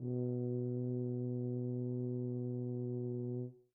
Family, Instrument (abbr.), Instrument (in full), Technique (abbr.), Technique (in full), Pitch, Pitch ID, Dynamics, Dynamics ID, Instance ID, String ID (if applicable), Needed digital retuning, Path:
Brass, BTb, Bass Tuba, ord, ordinario, B2, 47, mf, 2, 0, , TRUE, Brass/Bass_Tuba/ordinario/BTb-ord-B2-mf-N-T17u.wav